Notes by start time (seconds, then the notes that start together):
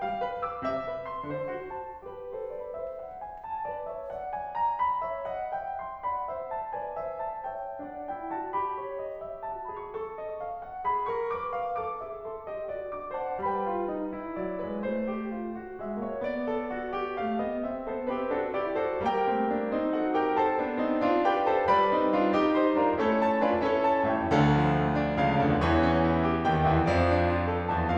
0.00 A3 F5
0.22 B4
0.42 D6
0.65 C3 E5
0.86 C5
1.07 C6
1.31 D3 C5
1.54 F#4
1.78 A5
2.00 G4 B4 G5
2.35 A4 C5
2.57 B4 D5
2.76 C5 E5
3.03 F#5
3.22 G#5
3.45 A5
3.67 B4 D5
3.83 C#5 E5
4.11 D5 F#5
4.30 G#5
4.55 A#5
4.83 B5
5.11 C#5 E5
5.29 D#5 F#5
5.62 E5 G5
5.85 C6
6.10 D5 F#5 B5
6.29 C5 E5
6.52 A5
6.75 B4 D5 G#5
7.02 C5 E5
7.26 A5
7.49 C#5 E5 G5
7.80 D4 D5 F#5
8.12 E4 G5
8.30 F#4 A5
8.57 G4 B5
8.84 C#5
9.04 D#5
9.25 E5
9.47 F#4 A5
9.68 G#4 B5
9.98 A4 C#6
10.17 D#5
10.46 F5
10.67 F#5
10.88 G#4 B5
11.11 A#4 C#6
11.38 B4 D6
11.64 F5
11.81 A4 D6
12.07 G#4 E5
12.31 A4 C6
12.49 G4 D#5
12.69 F#4 D5
12.91 D4 F#5 D6
13.15 C5 F#5 A5
13.42 G3 B4 G5 B5
13.64 F4
13.99 D#4
14.21 E4
14.42 F#3 D5
14.63 G#3 B4
14.83 A3 C5
15.15 G4
15.36 F4
15.57 F#4
15.75 G#3 E5
15.94 A#3 C#5
16.22 B3 D5
16.45 A4
16.71 F#4
16.95 G4
17.22 A3 F5
17.39 B3 D#5
17.69 C4 E5
17.91 B3 A4 C5
18.10 C4 G4 B4
18.29 D4 F#4 A4
18.62 E4 G4 D5
18.80 F#4 A4 C5
19.02 G3 A#3 G4 A#4 G5
19.27 A3 C4
19.49 A#3 D4
19.71 C4 D#4
19.92 F#4 A4 F#5
20.12 G4 A#4 G5
20.36 A4 C5 A5
20.56 B3 D4
20.78 C4 D#4
20.98 D4 F4
21.26 G4 B4 G5
21.49 A4 C5 A5
21.70 B4 D5 B5
21.93 C4 D#4
22.15 D4 F4
22.37 D#4 G4
22.56 C5 D#5 C6
22.76 D4 F4 A#4 D5 A#5
22.98 A3 C#4 E4 A4 C#5
23.19 A5
23.39 D4 F4 G#5
23.59 C#4 E4 A4 C#5
23.86 A5
24.06 A1 A2 C#5 E5 G5
24.33 D2 D3 A4 D5 F5
24.52 F3
24.72 A3
24.90 D4
25.18 C#2 C#3 F5
25.43 D2 D3 D5
25.61 E2 E3 C#5
25.86 C#4
26.06 E4
26.26 G4
26.46 D#2 D#3 G5
26.69 E2 E3 E5
26.91 F2 F3 D5
27.10 D4
27.30 F4
27.50 A4
27.71 E2 E3 A5